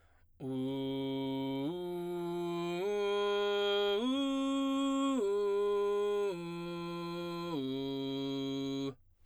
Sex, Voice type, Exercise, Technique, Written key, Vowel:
male, baritone, arpeggios, belt, , u